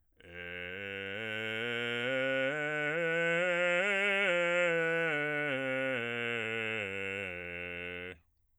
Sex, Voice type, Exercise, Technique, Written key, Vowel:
male, bass, scales, slow/legato forte, F major, e